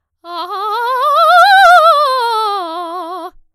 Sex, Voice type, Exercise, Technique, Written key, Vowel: female, soprano, scales, fast/articulated forte, F major, a